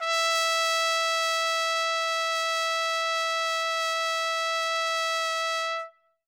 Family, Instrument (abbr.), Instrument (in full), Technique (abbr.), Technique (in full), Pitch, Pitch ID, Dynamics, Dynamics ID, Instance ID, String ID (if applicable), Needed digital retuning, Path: Brass, TpC, Trumpet in C, ord, ordinario, E5, 76, ff, 4, 0, , FALSE, Brass/Trumpet_C/ordinario/TpC-ord-E5-ff-N-N.wav